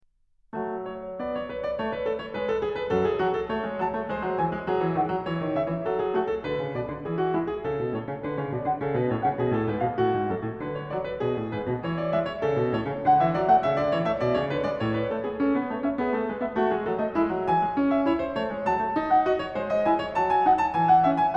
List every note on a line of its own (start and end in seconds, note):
0.03 2.89 F#3
0.03 0.88 A3
0.88 1.22 C#5
1.22 1.47 B3
1.22 1.36 D5
1.36 1.47 C#5
1.47 1.62 B4
1.62 1.76 D5
1.76 2.05 A3
1.76 1.90 C#5
1.90 2.05 B4
2.05 2.23 A4
2.23 2.34 C#5
2.34 2.62 G#3
2.34 2.50 B4
2.50 2.62 A4
2.62 2.75 G#4
2.75 2.89 B4
2.89 3.19 F#2
2.89 3.19 F#3
2.89 3.03 A4
3.03 3.19 G#4
3.19 3.54 F#3
3.19 3.38 F#4
3.38 3.54 A4
3.54 3.66 A3
3.54 3.82 C#5
3.66 3.82 G#3
3.82 3.96 F#3
3.82 4.13 A5
3.96 4.13 A3
4.13 4.28 G#3
4.13 4.40 C5
4.28 4.40 F#3
4.40 4.53 E3
4.40 4.68 G#5
4.53 4.68 G#3
4.68 4.81 F#3
4.68 4.96 G#4
4.81 4.96 E3
4.96 5.11 D#3
4.96 5.26 F#5
5.11 5.26 F#3
5.26 5.41 E3
5.26 5.55 C#5
5.41 5.55 D#3
5.55 5.72 C#3
5.55 5.87 E5
5.72 5.87 E3
5.87 6.18 F#3
5.87 6.02 A4
6.02 6.18 G#4
6.18 6.47 A3
6.18 6.33 F#4
6.33 6.47 A4
6.47 6.62 D3
6.47 6.77 B4
6.62 6.77 C#3
6.77 6.88 B2
6.77 7.05 D5
6.88 7.05 D3
7.05 7.35 E3
7.05 7.23 G#4
7.23 7.35 F#4
7.35 7.65 G#3
7.35 7.49 E4
7.49 7.65 G#4
7.65 7.78 C#3
7.65 7.91 A4
7.78 7.91 B2
7.91 8.06 A2
7.91 8.18 C#5
8.06 8.18 C#3
8.18 8.36 D3
8.18 8.36 B4
8.36 8.49 C#3
8.36 8.49 C#5
8.49 8.66 B2
8.49 8.66 D5
8.66 8.80 D3
8.66 8.80 F#5
8.80 8.96 C#3
8.80 8.96 A4
8.96 9.09 B2
8.96 9.09 B4
9.09 9.24 A2
9.09 9.24 C#5
9.24 9.39 C#3
9.24 9.39 F#5
9.39 9.52 B2
9.39 9.52 G#4
9.52 9.66 A2
9.52 9.66 A4
9.66 9.81 G#2
9.66 9.81 B4
9.81 9.97 B2
9.81 9.97 F5
9.97 10.13 A2
9.97 10.30 F#4
10.13 10.30 G#2
10.30 10.42 F#2
10.30 10.62 A4
10.42 10.62 A2
10.62 10.96 D3
10.62 10.82 B4
10.82 10.96 C#5
10.96 11.23 F#3
10.96 11.08 D5
11.08 11.23 B4
11.23 11.38 B2
11.23 11.52 G#4
11.38 11.52 A2
11.52 11.69 G#2
11.52 11.84 B4
11.69 11.84 B2
11.84 12.12 E3
11.84 11.98 C#5
11.98 12.12 D5
12.12 12.43 G#3
12.12 12.29 E5
12.29 12.43 C#5
12.43 12.56 C#3
12.43 12.72 A4
12.56 12.72 B2
12.72 12.87 A2
12.72 13.05 C#5
12.87 13.05 C#3
13.05 13.21 D3
13.05 13.21 F#5
13.21 13.35 E3
13.21 13.35 E5
13.35 13.50 F#3
13.35 13.50 D5
13.50 13.65 A3
13.50 13.65 F#5
13.65 13.78 C#3
13.65 13.78 E5
13.78 13.92 D3
13.78 13.92 D5
13.92 14.06 E3
13.92 14.06 C#5
14.06 14.22 A3
14.06 14.22 E5
14.22 14.35 B2
14.22 14.35 D5
14.35 14.50 C#3
14.35 14.50 C#5
14.50 14.64 D3
14.50 14.64 B4
14.64 14.80 G#3
14.64 14.80 D5
14.80 15.12 A2
14.80 14.95 C#5
14.95 15.12 B4
15.12 15.17 A3
15.12 15.17 A4
15.17 15.34 B3
15.17 15.34 G#4
15.34 15.53 C#4
15.34 15.53 A4
15.53 15.67 B3
15.53 15.67 B4
15.67 15.82 A3
15.67 15.82 C#5
15.82 15.99 C#4
15.82 15.99 E5
15.99 16.13 B3
15.99 16.13 G#4
16.13 16.24 A3
16.13 16.24 A4
16.24 16.39 G#3
16.24 16.39 B4
16.39 16.53 B3
16.39 16.53 E5
16.53 16.74 A3
16.53 16.74 F#4
16.74 16.88 G#3
16.74 16.88 G#4
16.88 17.01 F#3
16.88 17.01 A4
17.01 17.15 A3
17.01 17.15 D#5
17.15 17.27 G#3
17.15 17.44 E4
17.27 17.44 F#3
17.44 17.59 E3
17.44 17.89 G#5
17.59 17.74 G#3
17.74 18.06 C#4
17.89 18.06 E5
18.06 18.35 E4
18.06 18.22 C#5
18.22 18.35 C5
18.35 18.53 A3
18.35 18.67 C#5
18.53 18.67 G#3
18.67 18.84 F#3
18.67 19.07 A5
18.84 18.96 A3
18.96 19.25 D#4
19.07 19.25 F#5
19.25 19.55 F#4
19.25 19.39 D#5
19.39 19.55 C#5
19.55 19.84 G#3
19.55 19.74 C5
19.74 19.84 D#5
19.84 20.15 E4
19.84 19.99 G#5
19.99 20.15 C#5
20.15 20.48 F#3
20.15 20.33 A5
20.33 20.48 G#5
20.48 20.75 D#4
20.48 20.60 F#5
20.60 20.75 A5
20.75 21.04 E3
20.75 20.90 G#5
20.90 21.04 F#5
21.04 21.36 C#4
21.04 21.19 E5
21.19 21.36 G#5